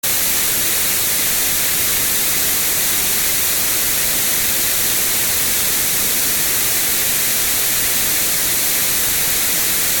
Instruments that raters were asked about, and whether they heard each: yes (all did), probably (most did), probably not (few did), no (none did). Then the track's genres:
voice: no
drums: no
flute: no
violin: no
Field Recordings; Ambient